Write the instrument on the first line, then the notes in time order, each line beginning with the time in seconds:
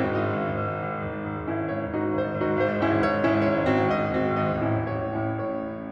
piano
0.00 G#1 C4
0.06 F#4
0.12 G#2 D#5
0.26 G#1
0.35 G#2
0.45 G#1
0.59 G#2
0.68 G#1
0.78 G#2
0.92 G#1
1.01 G#2
1.10 G#1
1.21 G#2
1.31 G#1 C#4 E4
1.42 G#2
1.51 G#1 C#5
1.68 G#2
1.79 G#1 D#4 F#4
1.90 G#2
2.00 G#1 C5
2.12 G#2
2.29 G#1 D#4 F#4
2.41 G#2
2.53 G#1 C5
2.61 G#2
2.76 G#1 C#4 E4
2.89 G#2
3.08 G#1 C#5
3.17 G#2
3.29 G#1 C#4 E4
3.38 G#2
3.45 G#1 C#5
3.54 G#2
3.62 G#1 C4 F#4
3.73 G#2
3.83 G#1 D#5
3.94 G#2
4.10 G#1 C4 F#4
4.24 G#2
4.34 G#1 D#5
4.46 G#2
4.63 A1 C#4 E4
4.77 A2
4.93 A1 C#5
5.04 A2
5.18 A1 C#4 E4
5.34 A2
5.48 A1 C#5
5.64 A2